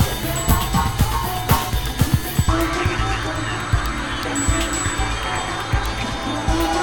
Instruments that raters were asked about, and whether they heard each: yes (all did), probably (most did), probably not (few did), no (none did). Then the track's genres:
voice: probably not
Electronic; Ambient; Techno